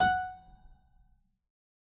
<region> pitch_keycenter=78 lokey=78 hikey=79 volume=0.148233 trigger=attack ampeg_attack=0.004000 ampeg_release=0.350000 amp_veltrack=0 sample=Chordophones/Zithers/Harpsichord, English/Sustains/Lute/ZuckermannKitHarpsi_Lute_Sus_F#4_rr1.wav